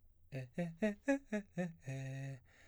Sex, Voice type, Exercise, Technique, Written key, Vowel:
male, baritone, arpeggios, fast/articulated piano, C major, e